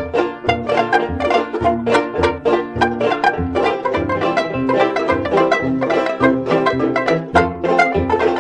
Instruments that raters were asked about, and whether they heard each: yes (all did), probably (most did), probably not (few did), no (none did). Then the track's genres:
ukulele: yes
banjo: probably
mandolin: probably
Old-Time / Historic